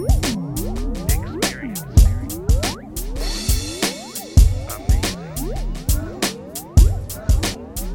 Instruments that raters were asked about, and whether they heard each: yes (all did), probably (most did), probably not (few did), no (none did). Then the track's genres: organ: no
cymbals: yes
saxophone: no
cello: no
Indie-Rock